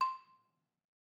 <region> pitch_keycenter=84 lokey=81 hikey=86 volume=12.563947 offset=195 lovel=66 hivel=99 ampeg_attack=0.004000 ampeg_release=30.000000 sample=Idiophones/Struck Idiophones/Balafon/Hard Mallet/EthnicXylo_hardM_C5_vl2_rr1_Mid.wav